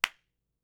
<region> pitch_keycenter=61 lokey=61 hikey=61 volume=6.331266 offset=1483 lovel=84 hivel=106 ampeg_attack=0.004000 ampeg_release=2.000000 sample=Idiophones/Struck Idiophones/Claps/SoloClap_vl3.wav